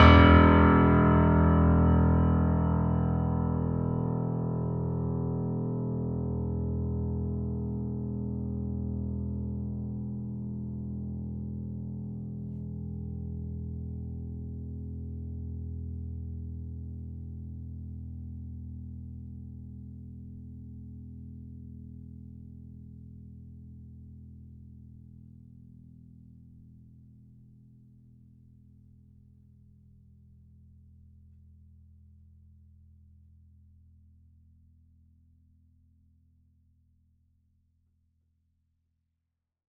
<region> pitch_keycenter=28 lokey=28 hikey=29 volume=-1.405652 lovel=100 hivel=127 locc64=65 hicc64=127 ampeg_attack=0.004000 ampeg_release=0.400000 sample=Chordophones/Zithers/Grand Piano, Steinway B/Sus/Piano_Sus_Close_E1_vl4_rr1.wav